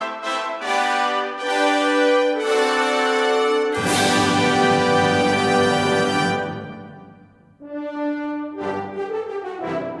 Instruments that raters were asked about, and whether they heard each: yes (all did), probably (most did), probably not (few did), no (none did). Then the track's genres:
trombone: yes
accordion: no
trumpet: yes
Old-Time / Historic; Holiday